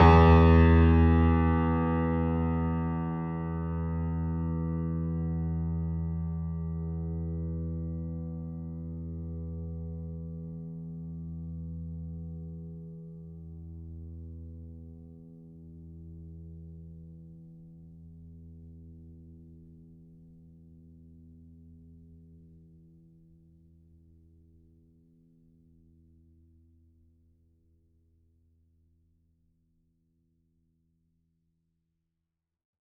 <region> pitch_keycenter=40 lokey=40 hikey=41 volume=-0.924387 lovel=66 hivel=99 locc64=65 hicc64=127 ampeg_attack=0.004000 ampeg_release=0.400000 sample=Chordophones/Zithers/Grand Piano, Steinway B/Sus/Piano_Sus_Close_E2_vl3_rr1.wav